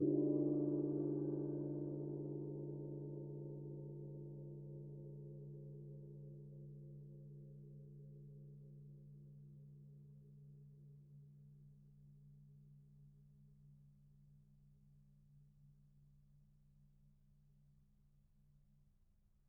<region> pitch_keycenter=61 lokey=61 hikey=61 volume=8.546455 lovel=0 hivel=83 ampeg_attack=0.004000 ampeg_release=2.000000 sample=Idiophones/Struck Idiophones/Gong 1/gong_2_mp.wav